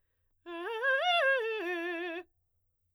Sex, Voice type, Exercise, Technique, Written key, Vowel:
female, soprano, arpeggios, fast/articulated forte, F major, e